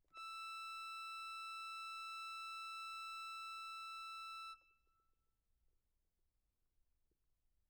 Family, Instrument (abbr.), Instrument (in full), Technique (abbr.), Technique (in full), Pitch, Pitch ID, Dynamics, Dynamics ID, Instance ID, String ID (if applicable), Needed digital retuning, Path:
Keyboards, Acc, Accordion, ord, ordinario, E6, 88, mf, 2, 1, , FALSE, Keyboards/Accordion/ordinario/Acc-ord-E6-mf-alt1-N.wav